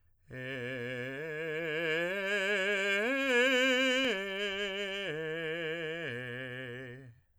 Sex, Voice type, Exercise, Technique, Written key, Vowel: male, tenor, arpeggios, slow/legato piano, C major, e